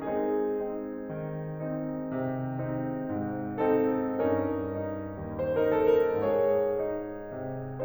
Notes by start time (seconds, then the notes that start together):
0.00 G#3 C4 D#4 G#4
0.45 C4 D#4
1.06 D#3
1.59 C4 D#4
2.31 C3
2.65 C4 D#4
2.98 G#2
3.59 C4 D#4 A4
4.21 G2 C#4 D#4 A#4
4.74 D#4
5.14 D#2 C5
5.55 A#4
5.79 D#4 A4
5.96 A#4
6.19 G#2 G#4 C#5
6.85 D#4
7.34 C3